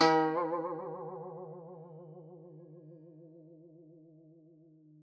<region> pitch_keycenter=51 lokey=51 hikey=52 volume=6.568752 lovel=84 hivel=127 ampeg_attack=0.004000 ampeg_release=0.300000 sample=Chordophones/Zithers/Dan Tranh/Vibrato/D#2_vib_ff_1.wav